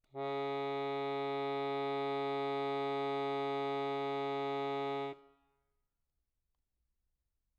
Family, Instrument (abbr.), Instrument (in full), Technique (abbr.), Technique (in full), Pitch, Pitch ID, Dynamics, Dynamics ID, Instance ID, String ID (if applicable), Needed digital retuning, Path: Keyboards, Acc, Accordion, ord, ordinario, C#3, 49, mf, 2, 0, , FALSE, Keyboards/Accordion/ordinario/Acc-ord-C#3-mf-N-N.wav